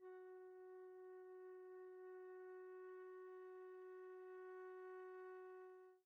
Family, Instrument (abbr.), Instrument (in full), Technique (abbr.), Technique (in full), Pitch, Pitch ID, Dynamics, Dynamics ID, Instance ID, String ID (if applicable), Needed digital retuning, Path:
Winds, Fl, Flute, ord, ordinario, F#4, 66, pp, 0, 0, , FALSE, Winds/Flute/ordinario/Fl-ord-F#4-pp-N-N.wav